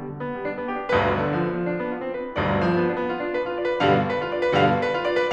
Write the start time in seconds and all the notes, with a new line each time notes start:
0.00 G3
0.09 D3
0.21 B3
0.34 G3
0.43 D4
0.53 B3
0.70 G4
0.82 D4
0.96 G1 B1 D2 G2 B4
1.23 D3
1.35 F3
1.45 B3
1.58 F3
1.71 D4
1.82 B3
1.96 F4
2.07 D4
2.16 B4
2.28 F4
2.38 G1 B1 D2 G2 D5
2.61 F3
2.80 B3
2.97 D4
3.08 B3
3.22 F4
3.32 D4
3.42 B4
3.53 F4
3.65 D5
3.74 B4
3.83 G2 B2 D3 G3 F5
4.03 B4
4.16 F4
4.28 D5
4.46 B4
4.55 G2 B2 D3 G3 F5
4.82 B4
4.93 F4
5.04 D5
5.20 B4